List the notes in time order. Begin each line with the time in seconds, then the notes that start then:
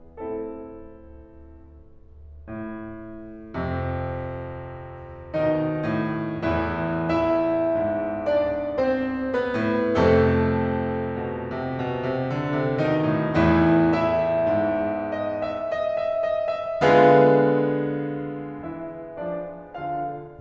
0.00 A2 C4 E4 A4
1.83 A2
3.53 F2 C3
5.39 B2 D#3 D#4
5.84 A2
6.41 E2 A2 E3 E4
7.09 E4 E5
7.76 G#2
8.31 D4 D5
8.86 C4 C5
9.32 B3 B4
9.61 A2
9.97 F2 C3 A3 A4
11.24 B2
11.56 C3
11.80 B2
12.05 C3
12.33 D3
12.57 C3
12.77 B2 D#3 D#4
13.12 A2
13.33 E2 A2 E3 E4
13.80 E4 E5
14.54 G#2
15.12 D#5
15.38 E5
15.62 D#5
15.95 E5
16.29 D#5
16.54 E5
16.82 D3 G#3 B3 F4 G#4 B4 F5
18.65 E3 E4 E5
19.18 F3 D4 D5
19.71 B2 F4 F5